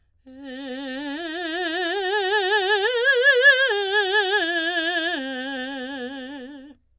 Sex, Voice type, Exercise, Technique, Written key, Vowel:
female, soprano, arpeggios, vibrato, , e